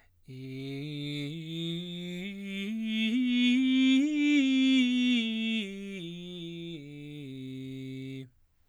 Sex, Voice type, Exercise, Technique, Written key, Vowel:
male, baritone, scales, straight tone, , i